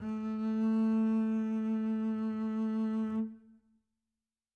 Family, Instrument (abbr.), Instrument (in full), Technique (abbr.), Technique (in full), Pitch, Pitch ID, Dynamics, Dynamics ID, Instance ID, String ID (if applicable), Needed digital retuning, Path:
Strings, Cb, Contrabass, ord, ordinario, A3, 57, mf, 2, 1, 2, FALSE, Strings/Contrabass/ordinario/Cb-ord-A3-mf-2c-N.wav